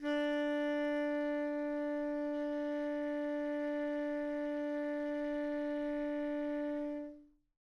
<region> pitch_keycenter=62 lokey=62 hikey=63 volume=20.592076 lovel=0 hivel=83 ampeg_attack=0.004000 ampeg_release=0.500000 sample=Aerophones/Reed Aerophones/Tenor Saxophone/Non-Vibrato/Tenor_NV_Main_D3_vl2_rr1.wav